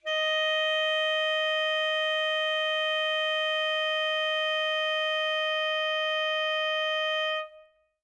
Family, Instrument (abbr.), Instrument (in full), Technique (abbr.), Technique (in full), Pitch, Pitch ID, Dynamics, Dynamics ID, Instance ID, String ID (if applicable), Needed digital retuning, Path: Winds, ASax, Alto Saxophone, ord, ordinario, D#5, 75, mf, 2, 0, , FALSE, Winds/Sax_Alto/ordinario/ASax-ord-D#5-mf-N-N.wav